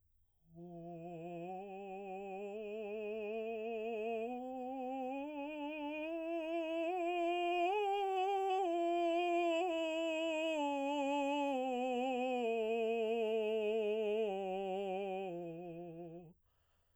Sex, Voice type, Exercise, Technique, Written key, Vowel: male, baritone, scales, slow/legato piano, F major, o